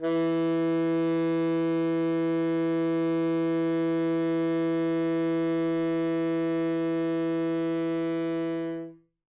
<region> pitch_keycenter=52 lokey=52 hikey=53 volume=13.516671 lovel=84 hivel=127 ampeg_attack=0.004000 ampeg_release=0.500000 sample=Aerophones/Reed Aerophones/Tenor Saxophone/Non-Vibrato/Tenor_NV_Main_E2_vl3_rr1.wav